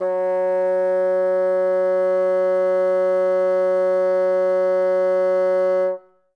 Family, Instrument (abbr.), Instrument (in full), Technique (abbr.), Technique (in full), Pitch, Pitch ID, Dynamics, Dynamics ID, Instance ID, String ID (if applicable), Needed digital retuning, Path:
Winds, Bn, Bassoon, ord, ordinario, F#3, 54, ff, 4, 0, , TRUE, Winds/Bassoon/ordinario/Bn-ord-F#3-ff-N-T13d.wav